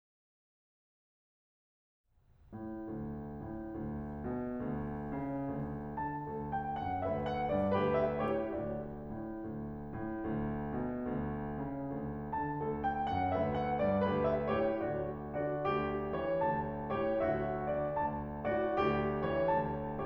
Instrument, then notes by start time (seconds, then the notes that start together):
piano
2.08 A2
2.91 D2
3.55 A2
3.78 D2
4.28 B2
4.53 D2
5.19 C#3
5.50 D2
6.01 D3 A5
6.32 D2 A4
6.55 G5
6.85 F#2 F#5
7.09 D2 B4 E5
7.30 F#5
7.51 G2 D5
7.75 D2 G4 B4
7.98 E5
8.23 A2 G4 C#5
8.53 D2 F#4 D5
9.09 A2
9.44 D2
9.90 A2
10.29 D2
10.80 B2
11.09 D2
11.66 C#3
11.90 D2
12.38 D3 A5
12.63 D2 A4
12.84 G5
13.06 F#2 F#5
13.35 D2 B4 E5
13.54 F#5
13.77 G2 D5
14.00 D2 G4 B4
14.27 E5
14.52 A2 G4 C#5
14.80 D2 F#4 D5
15.35 D3 F#4 D5
15.68 D2 G4
16.23 E3 C#5
16.43 D2 A5
16.94 A2 G4 C#5
17.22 D2 F#4 E5
17.75 D3 D5
17.95 D2 A5
18.46 A2 F#4 D5
18.76 D2 G4
19.27 E3 C#5
19.49 D2 A5